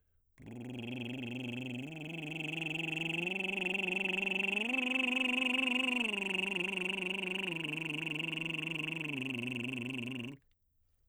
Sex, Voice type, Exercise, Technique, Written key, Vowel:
male, baritone, arpeggios, lip trill, , u